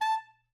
<region> pitch_keycenter=81 lokey=81 hikey=82 tune=6 volume=15.595984 offset=108 lovel=84 hivel=127 ampeg_attack=0.004000 ampeg_release=1.500000 sample=Aerophones/Reed Aerophones/Tenor Saxophone/Staccato/Tenor_Staccato_Main_A4_vl2_rr3.wav